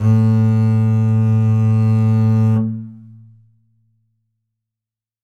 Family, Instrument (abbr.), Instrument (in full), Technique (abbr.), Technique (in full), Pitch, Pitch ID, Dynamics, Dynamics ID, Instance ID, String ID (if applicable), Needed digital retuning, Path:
Strings, Cb, Contrabass, ord, ordinario, A2, 45, ff, 4, 1, 2, FALSE, Strings/Contrabass/ordinario/Cb-ord-A2-ff-2c-N.wav